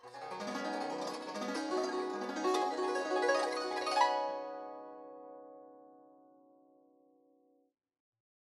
<region> pitch_keycenter=67 lokey=67 hikey=67 volume=13.899337 offset=1367 lovel=0 hivel=83 ampeg_attack=0.004000 ampeg_release=0.300000 sample=Chordophones/Zithers/Dan Tranh/Gliss/Gliss_Up_Swl_mf_1.wav